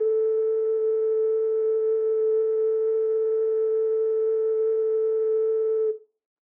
<region> pitch_keycenter=69 lokey=69 hikey=70 tune=-3 volume=2.019876 trigger=attack ampeg_attack=0.004000 ampeg_release=0.100000 sample=Aerophones/Edge-blown Aerophones/Ocarina, Typical/Sustains/Sus/StdOcarina_Sus_A3.wav